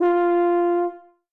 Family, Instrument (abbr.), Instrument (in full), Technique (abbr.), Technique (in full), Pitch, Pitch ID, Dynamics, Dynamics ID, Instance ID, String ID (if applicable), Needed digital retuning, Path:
Brass, BTb, Bass Tuba, ord, ordinario, F4, 65, ff, 4, 0, , FALSE, Brass/Bass_Tuba/ordinario/BTb-ord-F4-ff-N-N.wav